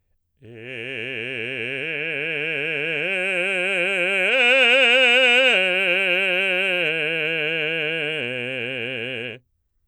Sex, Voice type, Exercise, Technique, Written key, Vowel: male, baritone, arpeggios, slow/legato forte, C major, e